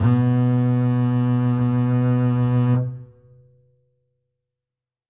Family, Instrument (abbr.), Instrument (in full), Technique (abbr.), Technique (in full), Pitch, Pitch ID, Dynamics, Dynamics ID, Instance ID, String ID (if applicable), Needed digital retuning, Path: Strings, Cb, Contrabass, ord, ordinario, B2, 47, ff, 4, 3, 4, TRUE, Strings/Contrabass/ordinario/Cb-ord-B2-ff-4c-T25u.wav